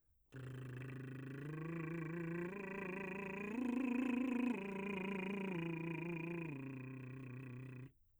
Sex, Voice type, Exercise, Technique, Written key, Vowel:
male, , arpeggios, lip trill, , a